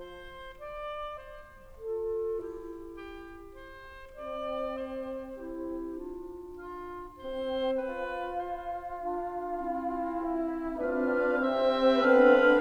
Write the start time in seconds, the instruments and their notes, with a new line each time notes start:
0.00 oboe C5
0.58 oboe D5
1.21 oboe C5
1.81 clarinet F4 A4
2.36 clarinet E4 G4
3.02 oboe G4
3.59 oboe C5
4.37 bassoon C4, oboe D5
4.93 oboe C5
5.43 clarinet E4 G4
6.00 clarinet D4 F4
6.59 oboe F4
7.21 bassoon C4, oboe C5
7.91 bassoon F4, oboe B4
8.50 oboe C5
9.01 clarinet D4 F4
9.50 clarinet C4 E4, bassoon F4
10.22 bassoon E4
10.77 horn C4, bassoon D4, clarinet F4 B4, oboe F5
11.44 bassoon C3 C4, clarinet C4 C5, horn C4, oboe E5
11.98 bassoon D3 B3, horn C4, clarinet D4 B4, oboe F5